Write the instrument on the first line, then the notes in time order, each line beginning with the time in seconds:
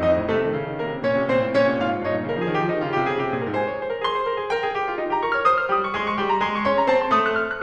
piano
0.00 F2 D#4 D#5
0.12 A2
0.26 C3 A3 A4
0.39 D#3
0.51 C#3
0.65 D#3
0.78 D3 A#3 A#4
0.88 C3
1.01 A#2 C#4 C#5
1.14 C3
1.25 A#2 C4 C5
1.40 A2
1.51 A#2 C#4 C#5
1.65 C3
1.78 A#2 F4 F5
1.88 G#2
2.01 G2 D#4 D#5
2.15 A#2
2.26 D3 A#4
2.37 F3 G#4
2.50 D#3 G4
2.60 F3 D#4
2.79 D#3 F4
2.94 C#3 G4
3.04 C3 G#4
3.13 C#3 G4
3.27 C3 G#4
3.41 A#2 A#4
3.53 G#2 C5 G#5
3.66 C#5
3.77 C5
3.89 A#4
4.03 G#4 C6
4.14 C5
4.28 A#4
4.43 G#4
4.55 A#4 G5
4.68 G#4
4.77 G4
4.85 F4
4.99 D#4
5.12 G4 A#5
5.22 A#4 C#6
5.35 C#5 F6
5.47 C5 D#6
5.64 F6
5.75 G3 G4 D#6
5.89 C#6
6.00 G#3 G#4 C6
6.08 C#6
6.20 G3 G4 C6
6.30 A#5
6.40 G#3 G#4 C6
6.52 C#6
6.65 C#4 C#5 C6
6.77 A#5
6.88 C4 C5 A5
7.06 C6
7.17 A3 A4 D#6
7.27 F#6
7.36 F6
7.51 F#6